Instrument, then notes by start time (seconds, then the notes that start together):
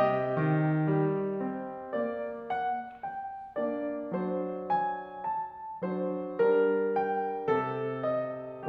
piano
0.00 C3 D#4 D#5
0.48 D#3
0.89 G3
1.39 C4
1.95 A#3 D5
2.50 F#5
3.04 G5
3.61 A#3 D4 D5
4.16 F#3 D4 C5
4.73 G#5
5.25 A5
5.83 F#3 D4 C5
6.46 G3 D4 A#4
6.98 G5
7.49 C3 C4 A4
8.03 D#5